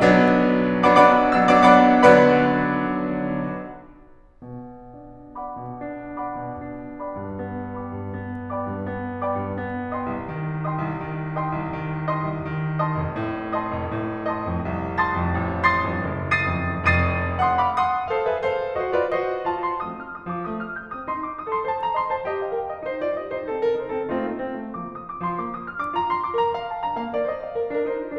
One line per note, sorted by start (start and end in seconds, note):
0.00 0.70 F#3
0.00 0.70 B3
0.00 0.70 D4
0.70 0.87 F#3
0.70 0.87 B3
0.70 0.87 D4
0.70 0.87 D5
0.70 0.87 F#5
0.70 0.87 B5
0.70 0.87 D6
0.87 1.31 F#3
0.87 1.31 B3
0.87 1.31 D4
0.87 1.31 D5
0.87 1.31 F#5
0.87 1.31 B5
0.87 1.31 D6
1.31 1.46 F#3
1.31 1.46 B3
1.31 1.46 D4
1.31 1.46 D5
1.31 1.46 F#5
1.31 1.46 B5
1.31 1.46 E6
1.46 1.65 F#3
1.46 1.65 B3
1.46 1.65 D4
1.46 1.65 D5
1.46 1.65 F#5
1.46 1.65 B5
1.46 1.65 D6
1.65 2.04 F#3
1.65 2.04 B3
1.65 2.04 D4
1.65 2.04 D5
1.65 2.04 F#5
1.65 2.04 B5
1.65 2.04 D6
2.07 3.81 D3
2.07 3.81 F#3
2.07 3.81 B3
2.07 3.81 B4
2.07 3.81 D5
2.07 3.81 F#5
2.07 3.81 B5
4.42 4.81 B2
4.81 5.56 D4
5.36 5.84 D5
5.36 5.84 F#5
5.36 5.84 B5
5.36 5.84 D6
5.57 5.84 B2
5.84 6.36 D4
6.23 6.61 D5
6.23 6.61 F#5
6.23 6.61 B5
6.23 6.61 D6
6.37 6.61 B2
6.61 7.17 D4
7.05 7.42 D5
7.05 7.42 F#5
7.05 7.42 B5
7.05 7.42 D6
7.19 7.42 G2
7.42 7.94 B3
7.80 8.17 D5
7.80 8.17 F#5
7.80 8.17 B5
7.80 8.17 D6
7.95 8.17 G2
8.17 8.66 B3
8.53 8.88 D5
8.53 8.88 F#5
8.53 8.88 B5
8.53 8.88 D6
8.67 8.88 G2
8.88 9.39 B3
9.23 9.57 D5
9.23 9.57 F#5
9.23 9.57 B5
9.23 9.57 D6
9.40 9.57 G2
9.57 10.11 B3
9.97 10.25 D#5
9.97 10.25 G5
9.97 10.25 C6
9.97 10.25 D#6
10.12 10.25 C2
10.25 10.84 D#3
10.67 10.99 D#5
10.67 10.99 G5
10.67 10.99 C6
10.67 10.99 D#6
10.86 10.99 C2
10.99 11.52 D#3
11.38 11.64 D#5
11.38 11.64 G5
11.38 11.64 C6
11.38 11.64 D#6
11.53 11.64 C2
11.64 12.25 D#3
12.11 12.48 D#5
12.11 12.48 G5
12.11 12.48 C6
12.11 12.48 D#6
12.27 12.48 C2
12.48 12.98 D#3
12.82 13.11 D#5
12.82 13.11 G5
12.82 13.11 C6
12.82 13.11 D#6
12.99 13.11 F1
13.11 13.75 A2
13.61 13.92 D#5
13.61 13.92 G5
13.61 13.92 C6
13.61 13.92 D#6
13.79 13.92 F1
13.92 14.47 A2
14.34 14.68 D#5
14.34 14.68 G5
14.34 14.68 C6
14.34 14.68 D#6
14.47 14.68 F2
14.68 15.16 C2
14.99 15.33 A5
14.99 15.33 C6
14.99 15.33 D#6
14.99 15.33 A6
15.16 15.33 F2
15.33 15.84 A1
15.67 16.07 C6
15.67 16.07 D#6
15.67 16.07 A6
15.67 16.07 C7
15.84 16.07 F2
16.07 16.56 F#1
16.40 16.90 D#6
16.40 16.90 A6
16.40 16.90 C7
16.40 16.90 D#7
16.56 16.90 F2
16.90 17.40 F1
16.90 17.40 F2
16.90 17.40 D#6
16.90 17.40 A6
16.90 17.40 C7
16.90 17.40 D#7
17.41 17.64 F#5
17.41 17.64 C6
17.41 17.64 D#6
17.64 17.79 F5
17.64 17.79 B5
17.64 17.79 D6
17.79 18.10 F#5
17.79 18.10 C6
17.79 18.10 D#6
18.09 18.24 A4
18.09 18.25 C5
18.09 18.25 F5
18.25 18.39 A#4
18.25 18.39 C#5
18.25 18.39 E5
18.39 18.75 A4
18.39 18.75 C5
18.39 18.75 F5
18.77 18.92 F#4
18.77 18.92 C5
18.77 18.92 D#5
18.92 19.10 F4
18.92 19.10 B4
18.92 19.10 D5
19.10 19.46 F#4
19.10 19.46 C5
19.10 19.46 D#5
19.47 19.71 F4
19.47 19.71 A5
19.71 19.85 E4
19.71 19.85 C6
19.85 20.18 F3
19.85 20.18 A3
19.85 20.18 C4
19.85 20.18 D#4
19.85 20.03 D#6
20.03 20.18 F6
20.19 20.32 D#6
20.32 20.45 F3
20.32 20.45 D6
20.45 20.75 A3
20.45 20.62 D#6
20.62 20.75 F6
20.76 20.97 G6
20.97 21.10 C4
20.97 21.10 D#6
21.10 21.35 F4
21.10 21.23 C6
21.23 21.35 D6
21.36 21.47 D#6
21.47 21.69 A4
21.47 21.69 C6
21.69 21.97 C5
21.69 21.85 A5
21.85 21.97 A#5
21.98 22.13 D#5
21.98 22.13 C6
22.13 22.28 C5
22.13 22.28 A5
22.28 22.44 G4
22.28 22.44 D#5
22.44 22.53 A4
22.44 22.53 F5
22.55 22.66 A#4
22.55 22.66 G5
22.66 22.85 G4
22.66 22.85 D#5
22.85 23.00 D#4
22.85 23.00 C5
23.00 23.16 F4
23.00 23.16 D5
23.17 23.30 G4
23.17 23.30 D#5
23.30 23.50 D#4
23.30 23.50 C5
23.50 23.64 C4
23.50 23.64 A4
23.64 23.78 D4
23.64 23.78 A#4
23.78 23.92 D#4
23.78 23.92 C5
23.92 24.07 C4
23.92 24.07 A4
24.07 24.21 A3
24.07 24.38 C4
24.07 24.38 D#4
24.07 24.38 F4
24.22 24.38 A#3
24.38 24.56 C4
24.56 24.78 A3
24.78 25.05 F3
24.78 25.05 A#3
24.78 25.05 D4
24.78 24.90 D6
24.91 25.05 D#6
25.05 25.24 D6
25.24 25.40 F3
25.24 25.40 C6
25.40 25.68 A#3
25.40 25.54 D6
25.55 25.68 D#6
25.68 25.82 F6
25.82 25.97 D4
25.82 25.97 D6
25.97 26.24 F4
25.97 26.09 A#5
26.10 26.24 C6
26.24 26.38 D6
26.38 26.56 A#4
26.38 26.56 A#5
26.56 26.84 D5
26.56 26.69 F5
26.69 26.84 A5
26.84 26.98 D4
26.84 26.98 A#5
26.98 27.12 A#3
26.98 27.12 F5
27.12 27.26 A#4
27.12 27.26 D5
27.27 27.41 C5
27.27 27.41 D#5
27.41 27.55 D5
27.41 27.55 F5
27.55 27.75 A#4
27.55 27.75 D5
27.75 27.88 D4
27.75 27.88 A#4
27.89 28.04 D#4
27.89 28.04 C5
28.04 28.19 F4
28.04 28.19 D5